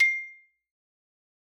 <region> pitch_keycenter=84 lokey=82 hikey=87 volume=3.136201 lovel=84 hivel=127 ampeg_attack=0.004000 ampeg_release=15.000000 sample=Idiophones/Struck Idiophones/Xylophone/Medium Mallets/Xylo_Medium_C6_ff_01_far.wav